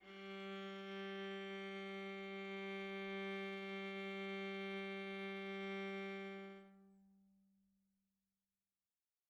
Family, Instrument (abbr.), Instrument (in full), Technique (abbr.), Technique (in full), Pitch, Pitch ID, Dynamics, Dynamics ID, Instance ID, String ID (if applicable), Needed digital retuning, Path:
Strings, Va, Viola, ord, ordinario, G3, 55, mf, 2, 2, 3, FALSE, Strings/Viola/ordinario/Va-ord-G3-mf-3c-N.wav